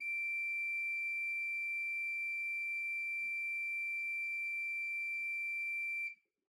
<region> pitch_keycenter=86 lokey=86 hikey=87 ampeg_attack=0.004000 ampeg_release=0.300000 amp_veltrack=0 sample=Aerophones/Edge-blown Aerophones/Renaissance Organ/4'/RenOrgan_4foot_Room_D5_rr1.wav